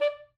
<region> pitch_keycenter=74 lokey=73 hikey=76 tune=2 volume=12.828063 lovel=0 hivel=83 ampeg_attack=0.004000 ampeg_release=2.500000 sample=Aerophones/Reed Aerophones/Saxello/Staccato/Saxello_Stcts_MainSpirit_D4_vl1_rr3.wav